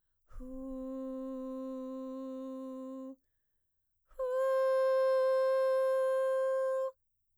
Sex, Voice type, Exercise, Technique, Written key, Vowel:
female, mezzo-soprano, long tones, inhaled singing, , u